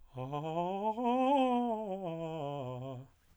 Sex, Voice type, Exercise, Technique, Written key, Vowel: male, tenor, scales, fast/articulated piano, C major, a